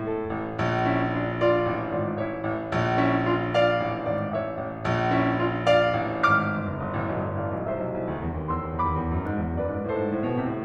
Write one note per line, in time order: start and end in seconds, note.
0.00 0.30 A2
0.00 0.30 A3
0.00 0.30 A4
0.30 0.56 A1
0.56 1.72 A#1
0.88 1.17 C#4
0.88 1.17 E4
1.17 1.45 D4
1.17 1.45 F4
1.45 1.90 F4
1.45 1.90 D5
1.73 1.90 A1
1.90 2.14 G#1
1.90 2.14 F4
1.90 2.14 D5
2.15 2.40 A1
2.15 2.40 E4
2.15 2.40 C#5
2.40 2.65 A1
2.66 3.83 A#1
2.94 3.19 C#4
2.94 3.19 E4
3.19 3.58 D4
3.19 3.58 F4
3.58 4.09 D5
3.58 4.09 F5
3.83 4.09 A1
4.09 4.38 G#1
4.09 4.38 D5
4.09 4.38 F5
4.38 4.59 A1
4.38 4.59 C#5
4.38 4.59 E5
4.59 4.88 A1
4.88 5.98 A#1
5.18 5.45 C#4
5.18 5.45 E4
5.45 5.68 D4
5.45 5.68 F4
5.69 6.25 D5
5.69 6.25 F5
5.98 6.25 A1
6.26 6.58 G#1
6.26 6.86 D6
6.26 6.86 F6
6.58 6.72 G1
6.72 6.86 F#1
6.87 6.99 G1
6.99 7.09 A1
7.09 7.21 B1
7.21 7.37 G1
7.37 7.53 A1
7.37 7.67 D5
7.37 7.67 F5
7.55 7.67 B1
7.67 7.86 C2
7.67 7.99 C5
7.67 7.99 E5
7.86 7.99 B1
7.99 8.08 C2
8.09 8.21 D2
8.21 8.36 E2
8.36 8.49 D#2
8.49 8.63 E2
8.49 8.73 C6
8.49 8.73 E6
8.64 8.73 D#2
8.73 8.82 E2
8.73 8.93 B5
8.73 8.93 D6
8.82 8.93 D#2
8.93 9.04 E2
9.06 9.21 F#2
9.21 9.43 G#2
9.43 9.57 E2
9.57 9.72 F#2
9.57 9.86 B4
9.57 9.86 D5
9.72 9.86 G#2
9.87 9.96 A2
9.87 10.08 A4
9.87 10.08 C5
9.96 10.08 G#2
10.08 10.22 A2
10.22 10.36 B2
10.37 10.52 C3
10.52 10.65 A2